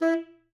<region> pitch_keycenter=64 lokey=64 hikey=65 tune=4 volume=10.977176 offset=136 lovel=84 hivel=127 ampeg_attack=0.004000 ampeg_release=1.500000 sample=Aerophones/Reed Aerophones/Tenor Saxophone/Staccato/Tenor_Staccato_Main_E3_vl2_rr3.wav